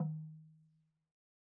<region> pitch_keycenter=60 lokey=60 hikey=60 volume=20.656011 lovel=0 hivel=65 ampeg_attack=0.004000 ampeg_release=30.000000 sample=Idiophones/Struck Idiophones/Slit Drum/LogDrumHi_MedM_v1_rr1_Sum.wav